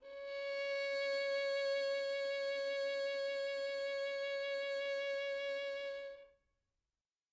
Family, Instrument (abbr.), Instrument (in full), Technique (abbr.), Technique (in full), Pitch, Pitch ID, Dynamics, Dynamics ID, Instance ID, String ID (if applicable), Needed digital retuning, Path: Strings, Vn, Violin, ord, ordinario, C#5, 73, mf, 2, 2, 3, TRUE, Strings/Violin/ordinario/Vn-ord-C#5-mf-3c-T11u.wav